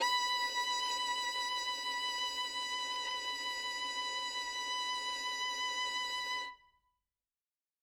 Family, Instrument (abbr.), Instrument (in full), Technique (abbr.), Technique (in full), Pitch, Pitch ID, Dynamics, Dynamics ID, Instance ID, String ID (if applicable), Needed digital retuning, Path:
Strings, Vn, Violin, ord, ordinario, B5, 83, ff, 4, 2, 3, FALSE, Strings/Violin/ordinario/Vn-ord-B5-ff-3c-N.wav